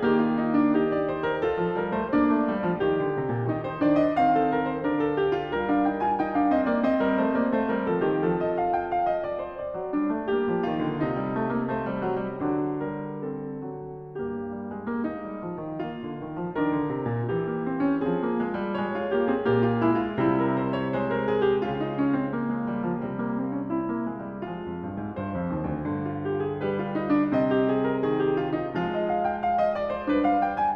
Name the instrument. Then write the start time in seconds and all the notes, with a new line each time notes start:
piano
0.00 D#3 A#3 G4
0.17 F4
0.36 D#4
0.56 D4
0.71 G4
0.75 D#4
0.92 D5
1.10 C5
1.28 A#4
1.44 F4 A4
1.61 F3
1.78 G3 A#4
1.99 A3 C5
2.11 A#3 D4 D5
2.33 A3
2.50 G3
2.64 F3
2.79 D#3 G4
3.01 D3
3.18 C3
3.33 A#2
3.52 D#3 D#4
3.65 C5
3.82 D#3 D4 D5
3.98 D#5
4.13 D#3 C4 F5
4.35 A4
4.49 A#4
4.69 C5
4.83 D3 D4 A#4
4.98 A4
5.19 G4
5.39 F4
5.53 G3 A#4
5.67 D4 F5
5.87 D#4 G5
6.03 F4 G#5
6.20 D#4 G5
6.36 D4 F5
6.48 C4 D#5
6.68 A#3 D5
6.85 C4 D#5
7.04 G3 A#4
7.22 A3 C5
7.36 A#3 D5
7.50 A3 C5
7.67 G3 A#4
7.87 F3 A4
8.02 G4
8.07 D#3
8.22 F3 A4
8.42 D#5
8.59 F5
8.78 G5
8.97 F5
9.15 D#5
9.30 D5
9.42 C5
9.58 D5
9.78 F#3
9.91 G3 D4
10.11 A3
10.26 G3 A#3 G4
10.46 F3
10.62 D#3 F4
10.82 D3
11.01 C3 D#4
11.18 G3
11.34 A3
11.52 A#3
11.68 A3 C5
11.90 G3
12.09 F#3
12.26 E3
12.43 D3 F#3 D4
12.83 G3 A#4
13.19 C4 A4
13.66 F#3
14.15 G2 A#3 G4
14.45 G3
14.69 G#3
14.87 A#3
15.07 G#3 D#4
15.28 G3
15.42 F3
15.59 D#3
15.79 A#3 F4
16.03 D3
16.20 D#3
16.36 F3
16.56 D#3 D4 A#4
16.75 D3
16.89 C3
17.07 A#2
17.28 E3 G4
17.47 A#3
17.66 C4
17.86 C#4
18.03 F3 C4 F4 G#4
18.23 A#3
18.40 G#3
18.56 G3
18.74 G#3 C#5
18.92 F4
19.10 A#3 G4
19.32 C4 G#4
19.52 A#2 A#3 G4
19.69 F4
19.84 G#3 E4
20.05 F4
20.21 C3 G3 E4
20.40 A#4
20.61 C5
20.81 C#5
20.93 G#3 C5
21.10 A#4
21.30 G#4
21.46 G4
21.63 C#3 F4
21.80 D#4
21.95 C#4
22.15 C4
22.31 A#3
22.50 G#3
22.66 G3
22.85 F3
23.02 C3 G3
23.25 A#3
23.39 C4
23.58 C#4
23.77 C4 E4
23.94 A#3
24.09 G#3
24.25 G3
24.45 F3 G#3 F4
24.66 F2
24.80 G2
25.00 G#2
25.16 G2 C5
25.31 F2
25.48 D#2
25.68 D2
25.83 G2 D3
26.09 F4
26.26 G4
26.45 G#4
26.62 G3 G4 B4
26.78 F4
26.92 D#4
27.10 D4
27.30 C3 C4 D#5
27.49 G4
27.68 G#4
27.88 A#4
28.05 D#3 G#4
28.21 G4
28.40 F4
28.58 D#4
28.77 F3 G#3 F4
28.92 D#5
29.08 F5
29.26 G5
29.43 F5
29.59 D#5
29.76 D5
29.92 C5
30.09 G3 D4 B4
30.24 F5
30.43 G5
30.58 G#5